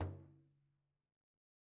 <region> pitch_keycenter=62 lokey=62 hikey=62 volume=28.632901 lovel=0 hivel=83 seq_position=2 seq_length=2 ampeg_attack=0.004000 ampeg_release=15.000000 sample=Membranophones/Struck Membranophones/Frame Drum/HDrumL_HitMuted_v2_rr2_Sum.wav